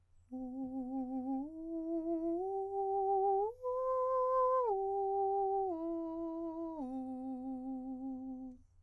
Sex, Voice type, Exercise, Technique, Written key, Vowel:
male, countertenor, arpeggios, slow/legato piano, C major, u